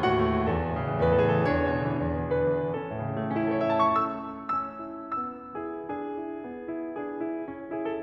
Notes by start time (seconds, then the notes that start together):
0.00 A2 F#4 F#5
0.38 A3
0.58 E2 A4
0.71 A2
0.82 C#3
0.96 E3
1.08 E2
1.25 A2
1.37 C#3 B4
1.43 A4
1.49 E3 G#4
1.54 A4
1.59 E2 D4 G#4 C#5
1.71 B2
1.85 D3
1.99 E3
2.11 E2
2.26 B2
2.47 D3 B4
2.64 E3
2.81 C#4 A4
2.90 A2
3.02 C#3
3.11 E3
3.19 A3
3.26 C#4
3.34 E4
3.45 A4
3.53 C#5
3.62 E5
3.70 A5
3.80 C#6
3.88 A3 E6
4.16 E4
4.47 C#4 E6
4.89 E4
5.17 B3 E6
5.56 E4 G#4
5.92 D4 G#4
6.19 E4
6.43 B3
6.69 E4
6.92 D4 G#4
7.15 E4
7.47 C#4
7.76 E4 G#4
7.88 A4